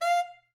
<region> pitch_keycenter=77 lokey=77 hikey=78 tune=9 volume=12.957412 offset=204 lovel=84 hivel=127 ampeg_attack=0.004000 ampeg_release=1.500000 sample=Aerophones/Reed Aerophones/Tenor Saxophone/Staccato/Tenor_Staccato_Main_F4_vl2_rr1.wav